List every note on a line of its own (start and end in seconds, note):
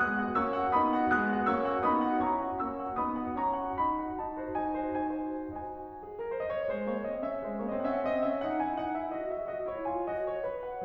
0.00 0.17 G#3
0.00 0.17 B3
0.00 0.38 D#6
0.00 0.38 F#6
0.17 0.38 F#4
0.17 0.38 F#5
0.38 0.53 A#3
0.38 0.53 C#4
0.38 0.73 C#6
0.38 0.73 E6
0.55 0.73 F#4
0.55 0.73 F#5
0.74 0.92 B3
0.74 0.92 D#4
0.74 1.13 B5
0.74 1.13 D#6
0.93 1.13 F#4
0.93 1.13 F#5
1.14 1.31 G#3
1.14 1.31 B3
1.14 1.51 D#6
1.14 1.51 F#6
1.32 1.51 F#4
1.32 1.51 F#5
1.51 1.71 A#3
1.51 1.71 C#4
1.51 1.82 C#6
1.51 1.82 E6
1.71 1.82 F#4
1.71 1.82 F#5
1.83 2.01 B3
1.83 2.01 D#4
1.83 2.22 B5
1.83 2.22 D#6
2.02 2.22 F#4
2.02 2.22 F#5
2.23 2.39 C#4
2.23 2.39 E4
2.23 2.61 A#5
2.23 2.61 C#6
2.40 2.61 F#4
2.40 2.61 F#5
2.62 2.80 A#3
2.62 2.80 C#4
2.62 2.98 C#6
2.62 2.98 E6
2.80 2.98 F#4
2.80 2.98 F#5
2.98 3.22 B3
2.98 3.22 D#4
2.98 3.38 B5
2.98 3.38 D#6
3.23 3.38 F#4
3.23 3.38 F#5
3.39 3.56 C#4
3.39 3.56 E4
3.39 3.76 A#5
3.39 3.76 C#6
3.58 3.76 F#4
3.58 3.76 F#5
3.78 3.99 D#4
3.78 4.18 B5
3.99 4.18 F#4
3.99 4.18 F#5
4.18 4.35 D#4
4.18 4.59 A5
4.37 4.59 F#4
4.37 4.59 C5
4.60 4.83 D#4
4.60 5.05 G#5
4.84 5.05 F#4
4.84 5.05 C5
5.06 5.38 D#4
5.06 5.58 G#5
5.39 5.58 F#4
5.39 5.58 C5
5.61 6.07 D#4
5.61 6.07 F#4
5.61 5.84 C5
5.61 5.84 G#5
5.84 6.07 G#4
6.08 6.27 A#4
6.28 6.50 C5
6.50 6.57 D#5
6.58 6.76 C#5
6.77 6.95 G#3
6.77 6.95 C5
6.97 7.07 A#3
6.97 7.07 C#5
7.08 7.26 C4
7.08 7.26 D#5
7.27 7.44 C#4
7.27 7.44 E5
7.44 7.62 G#3
7.44 7.62 C5
7.62 7.70 A#3
7.62 7.70 C#5
7.70 7.83 C4
7.70 7.83 D#5
7.84 7.88 D#4
7.84 7.88 F#5
7.89 8.02 C#4
7.89 8.02 E5
8.03 8.24 C4
8.03 8.24 D#5
8.25 8.39 C#4
8.25 8.39 E5
8.41 8.59 D#4
8.41 8.59 F#5
8.59 8.79 E4
8.59 8.79 G#5
8.79 8.94 D#4
8.79 8.94 F#5
8.94 9.11 E4
8.94 9.11 E5
9.11 9.28 F#4
9.11 9.28 D#5
9.28 9.43 G#4
9.28 9.43 E5
9.44 9.62 F#4
9.44 9.62 D#5
9.64 9.83 E4
9.64 9.83 C#5
9.83 10.05 F4
9.83 10.05 G#5
10.05 10.40 F#4
10.05 10.25 D#5
10.26 10.40 C#5
10.41 10.62 B4
10.63 10.84 F#5